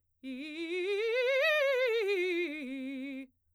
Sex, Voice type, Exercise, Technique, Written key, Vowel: female, soprano, scales, fast/articulated forte, C major, i